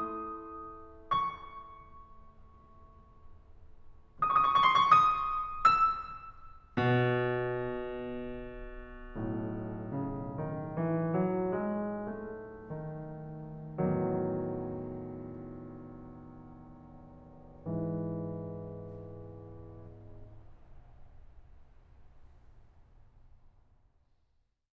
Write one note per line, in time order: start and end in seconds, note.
0.00 3.51 A3
0.00 3.51 E4
0.00 1.09 D#6
1.11 3.51 C#6
3.98 4.09 D#6
4.04 4.17 C#6
4.11 4.23 D#6
4.19 4.31 C#6
4.25 4.37 D#6
4.33 4.52 C#6
4.40 4.57 D#6
4.53 4.66 C6
4.62 4.75 C#6
4.70 5.46 D#6
5.48 6.76 E6
6.76 10.34 B2
9.37 13.83 B1
9.37 13.83 A2
9.93 10.67 C#3
10.37 11.06 D#3
10.70 11.46 E3
11.09 11.80 F#3
11.48 12.69 G#3
11.85 13.83 A3
13.85 23.29 E2
13.85 17.65 A2
13.85 14.22 D#3
13.85 17.65 F#3
17.67 23.29 G#2
17.67 23.29 E3